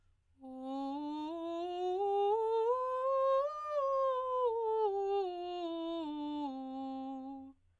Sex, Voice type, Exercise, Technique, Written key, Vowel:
female, soprano, scales, straight tone, , o